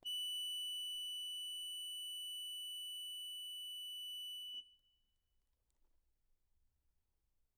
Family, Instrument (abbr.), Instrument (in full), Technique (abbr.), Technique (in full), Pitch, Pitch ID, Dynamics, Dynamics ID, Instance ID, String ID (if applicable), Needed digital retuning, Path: Keyboards, Acc, Accordion, ord, ordinario, F#7, 102, mf, 2, 0, , FALSE, Keyboards/Accordion/ordinario/Acc-ord-F#7-mf-N-N.wav